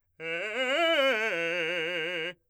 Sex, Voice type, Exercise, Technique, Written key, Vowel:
male, , arpeggios, fast/articulated forte, F major, e